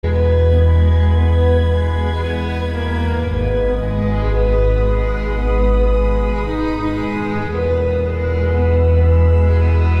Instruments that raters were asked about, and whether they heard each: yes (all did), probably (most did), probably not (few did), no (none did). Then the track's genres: cello: yes
Electronic; Soundtrack; Ambient; Trip-Hop; Contemporary Classical